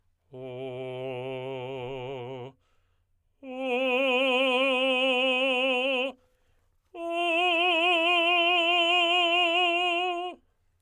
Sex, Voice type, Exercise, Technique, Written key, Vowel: male, tenor, long tones, full voice forte, , o